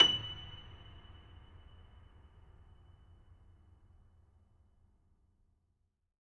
<region> pitch_keycenter=102 lokey=102 hikey=103 volume=-2.801302 lovel=100 hivel=127 locc64=65 hicc64=127 ampeg_attack=0.004000 ampeg_release=10.400000 sample=Chordophones/Zithers/Grand Piano, Steinway B/Sus/Piano_Sus_Close_F#7_vl4_rr1.wav